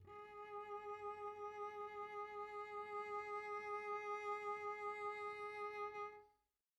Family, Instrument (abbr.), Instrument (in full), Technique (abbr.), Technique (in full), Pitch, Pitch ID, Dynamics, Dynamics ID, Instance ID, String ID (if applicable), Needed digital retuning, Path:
Strings, Vc, Cello, ord, ordinario, G#4, 68, pp, 0, 1, 2, TRUE, Strings/Violoncello/ordinario/Vc-ord-G#4-pp-2c-T13u.wav